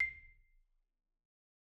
<region> pitch_keycenter=96 lokey=93 hikey=97 volume=18.808448 xfin_lovel=84 xfin_hivel=127 ampeg_attack=0.004000 ampeg_release=15.000000 sample=Idiophones/Struck Idiophones/Marimba/Marimba_hit_Outrigger_C6_loud_01.wav